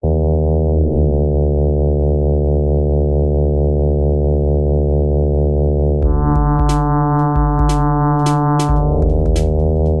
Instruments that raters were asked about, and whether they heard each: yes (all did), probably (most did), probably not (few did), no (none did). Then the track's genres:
synthesizer: yes
bass: no
Techno; IDM